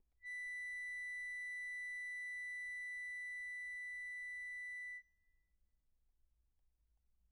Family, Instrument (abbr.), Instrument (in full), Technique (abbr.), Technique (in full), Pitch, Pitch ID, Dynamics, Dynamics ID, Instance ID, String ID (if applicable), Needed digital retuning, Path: Keyboards, Acc, Accordion, ord, ordinario, B6, 95, pp, 0, 0, , FALSE, Keyboards/Accordion/ordinario/Acc-ord-B6-pp-N-N.wav